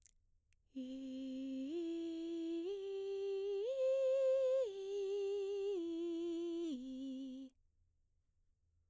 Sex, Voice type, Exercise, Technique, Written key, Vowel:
female, mezzo-soprano, arpeggios, breathy, , i